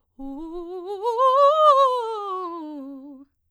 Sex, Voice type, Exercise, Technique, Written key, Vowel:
female, soprano, scales, fast/articulated piano, C major, u